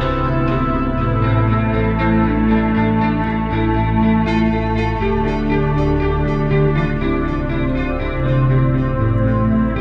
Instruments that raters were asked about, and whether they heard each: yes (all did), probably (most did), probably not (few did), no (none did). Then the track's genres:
cello: no
Ambient Electronic; Ambient